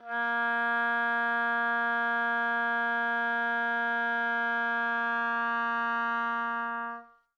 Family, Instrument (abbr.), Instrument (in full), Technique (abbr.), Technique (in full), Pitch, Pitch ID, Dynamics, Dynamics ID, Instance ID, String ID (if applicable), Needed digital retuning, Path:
Winds, Ob, Oboe, ord, ordinario, A#3, 58, mf, 2, 0, , FALSE, Winds/Oboe/ordinario/Ob-ord-A#3-mf-N-N.wav